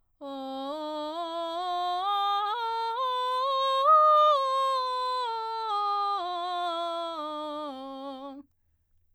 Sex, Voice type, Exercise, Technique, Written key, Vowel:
female, soprano, scales, belt, , o